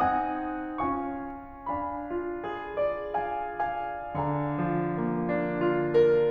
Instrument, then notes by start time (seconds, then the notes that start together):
piano
0.01 C4 D#4 F#5 G#5 D#6
0.87 C#4 F4 F5 G#5 C#6
1.70 D4 F5 G#5 B5
2.08 F4
2.41 G#4
2.74 D5
3.23 G#3 F5
3.68 F3 G#5
4.03 D3 D5 F5 G#5 A#5
4.52 F3
4.92 A#3
5.33 D4
5.62 F4
5.96 A#4